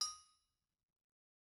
<region> pitch_keycenter=62 lokey=62 hikey=62 volume=27.353874 offset=263 lovel=0 hivel=65 ampeg_attack=0.004000 ampeg_release=15.000000 sample=Idiophones/Struck Idiophones/Anvil/Anvil_Hit3_v1_rr1_Mid.wav